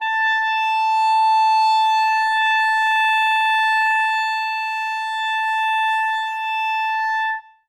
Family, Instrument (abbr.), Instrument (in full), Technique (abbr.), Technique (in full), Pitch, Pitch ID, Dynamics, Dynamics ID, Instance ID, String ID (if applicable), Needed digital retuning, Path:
Winds, ClBb, Clarinet in Bb, ord, ordinario, A5, 81, ff, 4, 0, , FALSE, Winds/Clarinet_Bb/ordinario/ClBb-ord-A5-ff-N-N.wav